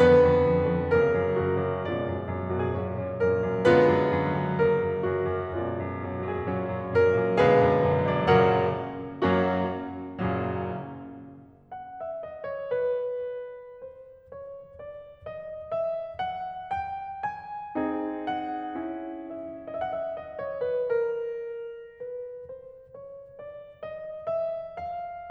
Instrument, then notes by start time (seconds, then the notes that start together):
piano
0.00 F2 D#3 B3 B4
0.22 F2
0.49 F2
0.75 F2
0.96 F#2 C#3 A#3 A#4
1.20 F#2
1.44 F#2 F#4
1.64 F#2
1.88 F#2 B2 G#3 F4 D5
2.04 F#2
2.31 F#2
2.51 F#2 F#4
2.66 G#4
2.77 F#2 A#2 F#3 C#4 C#5
3.01 F#2
3.26 F#2 A#4
3.49 F#2
3.72 F#2 D3 G#3 B3 F4 B4
3.96 F#2
4.18 F#2
4.38 F#2
4.57 F#2 C#3 A#3 A#4
4.85 F#2
5.09 F#2 F#4
5.32 F#2
5.54 F#2 B2 G#3 F4 D5
5.77 F#2
5.99 F#2
6.20 F#2 F#4
6.29 G#4
6.43 F#2 A#2 F#3 C#4 C#5
6.65 F#2
6.86 F#2 A#4
7.13 F#2
7.37 F#2 B2 D3 G#3 G#4 B4 F5
7.58 F#2
7.81 F#2
8.05 F#2 C#5
8.16 D5
8.29 F#2 A#2 C#3 F#3 A#4 C#5 F#5
9.24 F#2 F#3 A#3 C#4 F#4
10.21 F#1 F#2 A#2 C#3 F#3
11.73 F#5
12.00 E5
12.24 D#5
12.54 C#5
12.72 B4
13.85 C5
14.41 C#5
14.88 D5
15.33 D#5
15.75 E5
16.21 F#5
16.78 G5
17.25 G#5
17.81 C4 D#4 G#4
18.31 F#5
18.80 C#4 E4
19.31 E5
19.70 D#5
19.75 E5
19.83 F#5
19.88 E5
19.98 D#5
20.34 C#5
20.56 B4
20.85 A#4
21.87 B4
22.49 C5
22.94 C#5
23.38 D5
23.88 D#5
24.30 E5
24.83 F5